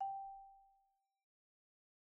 <region> pitch_keycenter=79 lokey=76 hikey=81 volume=28.135008 offset=48 xfin_lovel=0 xfin_hivel=83 xfout_lovel=84 xfout_hivel=127 ampeg_attack=0.004000 ampeg_release=15.000000 sample=Idiophones/Struck Idiophones/Marimba/Marimba_hit_Outrigger_G4_med_01.wav